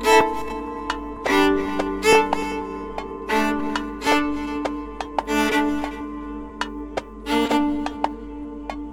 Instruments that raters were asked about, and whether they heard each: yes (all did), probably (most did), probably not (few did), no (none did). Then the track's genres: ukulele: no
mandolin: no
Avant-Garde; Soundtrack; Experimental; Ambient; Improv; Sound Art; Instrumental